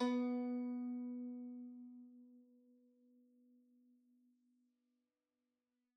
<region> pitch_keycenter=59 lokey=58 hikey=60 volume=14.217828 lovel=0 hivel=65 ampeg_attack=0.004000 ampeg_release=0.300000 sample=Chordophones/Zithers/Dan Tranh/Normal/B2_mf_1.wav